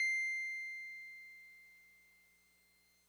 <region> pitch_keycenter=96 lokey=95 hikey=98 volume=21.236198 lovel=0 hivel=65 ampeg_attack=0.004000 ampeg_release=0.100000 sample=Electrophones/TX81Z/Piano 1/Piano 1_C6_vl1.wav